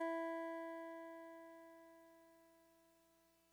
<region> pitch_keycenter=52 lokey=51 hikey=54 tune=-3 volume=25.886490 lovel=0 hivel=65 ampeg_attack=0.004000 ampeg_release=0.100000 sample=Electrophones/TX81Z/Clavisynth/Clavisynth_E2_vl1.wav